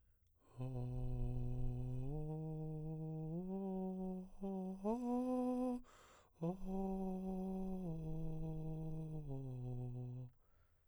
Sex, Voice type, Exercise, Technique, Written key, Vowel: male, baritone, arpeggios, breathy, , o